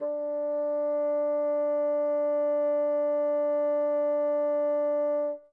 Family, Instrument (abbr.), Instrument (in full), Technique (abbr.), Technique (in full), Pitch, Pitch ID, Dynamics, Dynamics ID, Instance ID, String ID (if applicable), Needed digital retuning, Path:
Winds, Bn, Bassoon, ord, ordinario, D4, 62, mf, 2, 0, , FALSE, Winds/Bassoon/ordinario/Bn-ord-D4-mf-N-N.wav